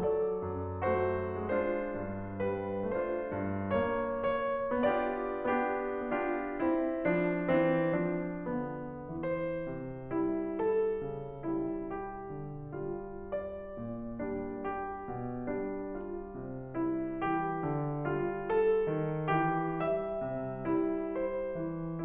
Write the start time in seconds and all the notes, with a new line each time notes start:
0.00 F#3 A4 D5
0.38 F#2
0.82 A3 F#4 C5
1.38 G#3 D4 F4 C5
1.89 G2
2.40 G3 B4
2.95 A3 D4 F4 C5
3.36 G2
3.88 B3 C#5
4.35 C#5
4.89 B3 D4 F4 G4 D5
5.50 B3 D4 F4 G4
6.04 B3 D4 F4 G4
6.62 C4 E4
7.11 F3 D4
7.53 E3 C4
7.98 F3 D4
8.51 D3 B3
9.22 E3 C5
9.69 C3
10.10 E4
10.54 G3 A4
11.01 C#3
11.45 G3 E4
11.90 G4
12.32 D3
12.81 G3 F4
13.32 D5
13.79 A#2
14.21 G3 D4
14.65 G4
15.07 B2
15.56 G3 D4
15.98 F4
16.37 C3
16.83 G3 E4
17.29 E3 G4
17.61 D3
18.09 G3 F4
18.49 A4
18.97 D#3
19.41 E3 G4
19.83 G3 E5
20.21 C3
20.65 G3 E4
21.15 C5
21.57 E3